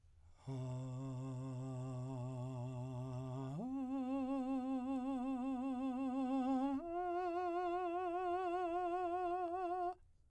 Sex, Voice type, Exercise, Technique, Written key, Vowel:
male, , long tones, full voice pianissimo, , a